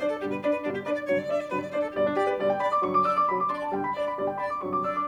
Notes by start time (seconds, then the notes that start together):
0.00 D4 C5 D5
0.10 A4
0.22 G2 B2 D3 G3 G4
0.33 B4
0.43 D4 D5
0.53 B4
0.64 G2 B2 D3 G3 D4
0.75 G4
0.87 D4 B4 D5
0.98 D5
1.08 G2 C3 D3 F#3 C#5
1.20 D5
1.30 D4 D5 E5
1.40 D5
1.51 G2 C3 D3 F#3 B4
1.65 D5
1.76 D4 C5 D5
1.87 A4
1.97 G2 B2 D3 G3 G4 D5
2.07 D4
2.18 D4 G4 D5
2.29 B4
2.39 G2 B2 D3 G3 D5
2.50 G5
2.61 D4 D5 B5
2.72 D6
2.83 G2 C3 D3 F#3 C#6
2.94 D6
3.05 D4 D5 E6
3.16 D6
3.29 G2 C3 D3 F#3 B5
3.39 D6
3.49 D4 D5 C6
3.62 A5
3.73 G2 B2 D3 G3 G5
3.84 B5
3.95 D4 D5
4.06 B5
4.17 G2 B2 D3 G3 D5
4.26 G5
4.35 D4 D5 B5
4.45 D6
4.61 G2 C3 D3 F#3 C#6
4.71 D6
4.83 D4 D5 E6
4.93 D6